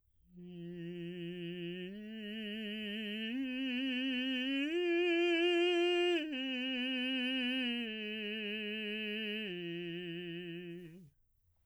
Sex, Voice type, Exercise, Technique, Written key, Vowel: male, baritone, arpeggios, slow/legato piano, F major, i